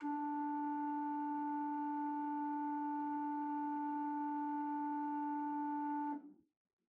<region> pitch_keycenter=50 lokey=50 hikey=51 ampeg_attack=0.004000 ampeg_release=0.300000 amp_veltrack=0 sample=Aerophones/Edge-blown Aerophones/Renaissance Organ/4'/RenOrgan_4foot_Room_D2_rr1.wav